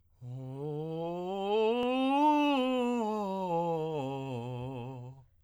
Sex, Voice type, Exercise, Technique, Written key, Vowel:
male, tenor, scales, breathy, , o